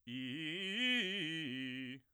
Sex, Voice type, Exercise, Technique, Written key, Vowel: male, bass, arpeggios, fast/articulated forte, C major, i